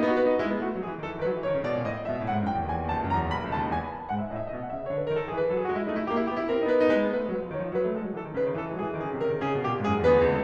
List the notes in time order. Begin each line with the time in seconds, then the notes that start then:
0.00 B3 D#4
0.09 F#4
0.19 B4
0.28 D#4
0.39 G#3 E4
0.50 B3
0.62 A3 F#4
0.73 G#3
0.82 F#3 G#4
0.91 E3
1.01 D#3 A4
1.09 E3
1.20 D#3 B4
1.32 F#3
1.42 E3 C#5
1.51 D#3
1.57 C#3 D5
1.66 B2
1.76 A#2 D#5
1.86 A2
2.00 G#2 E5
2.09 B2
2.19 A2 F#5
2.32 G#2
2.44 F#2 G5
2.55 E2
2.68 D#2 G#5
2.77 E2
2.88 D#2 A5
2.98 C#2
3.10 F#2 A#5
3.22 E2
3.30 D#2 B5
3.41 B1
3.51 C#2 A5
3.62 D#2
3.76 E2 G#5
3.87 B5
3.96 F#2 A5
4.02 G#5
4.11 G#2 F#5
4.21 E5
4.31 A2 D#5
4.41 E5
4.52 B2 D#5
4.61 F#5
4.70 C#3 E5
4.80 D#5
4.90 D3 C#5
4.99 B4
5.09 D#3 A#4
5.20 A4
5.29 E3 G#4
5.36 B4
5.46 F#3 A4
5.54 G#4
5.64 G#3 F#4
5.76 E4
5.85 A3 D#4
5.96 E4
6.07 A#3 G4
6.18 E4
6.27 B3 G4
6.39 E4
6.51 C4 A#4
6.58 E4
6.69 B3 B4
6.82 D#4
6.91 G#3 B4
7.01 B3
7.12 A3 B4
7.22 G#3
7.30 F#3 B4
7.40 F3
7.51 D#3 C#5
7.63 F3
7.72 F#3 B4
7.85 A3
7.96 G#3 A4
8.07 F#3
8.19 E3 A4
8.28 D#3
8.36 C#3 B4
8.44 D#3
8.55 E3 A4
8.66 G#3
8.78 F#3 G#4
8.89 E3
8.99 D#3 G#4
9.08 C#3
9.17 C3 A#4
9.28 C#3
9.36 D#3 G#4
9.49 C#3
9.58 B2 G4
9.71 A#2
9.81 G#2 G#4
9.93 F#2
10.04 E2 B3 G#4 B4
10.12 D2
10.22 C#2
10.31 A4